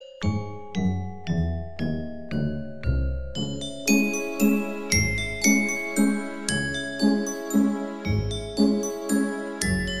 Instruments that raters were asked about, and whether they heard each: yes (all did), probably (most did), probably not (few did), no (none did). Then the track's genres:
mallet percussion: yes
guitar: no
Pop; Folk; Indie-Rock